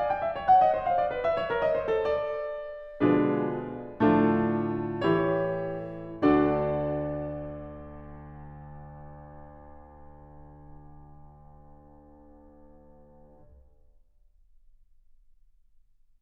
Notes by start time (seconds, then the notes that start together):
0.00 D5
0.12 G5
0.23 E5
0.33 C#5
0.45 F#5
0.59 D#5
0.74 C5
0.86 F5
0.98 D5
1.13 B4
1.23 E5
1.36 C#5
1.50 A#4
1.63 D#5
1.78 C5
1.94 A4
2.08 D5
3.02 B2 D3 F3 G#3 D4 F4 G#4 B4
3.97 A2 D3 F3 A3 D4 F4 A4
5.05 E3 E4 G4 C#5
6.22 D2 D3 D4 F#4 A4 D5